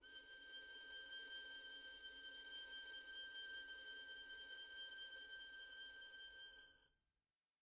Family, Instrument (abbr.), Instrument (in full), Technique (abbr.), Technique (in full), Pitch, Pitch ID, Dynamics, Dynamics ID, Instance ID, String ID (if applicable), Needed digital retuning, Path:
Strings, Vn, Violin, ord, ordinario, G6, 91, pp, 0, 0, 1, TRUE, Strings/Violin/ordinario/Vn-ord-G6-pp-1c-T12d.wav